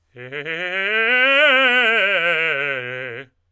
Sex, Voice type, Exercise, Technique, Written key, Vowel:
male, tenor, scales, fast/articulated forte, C major, e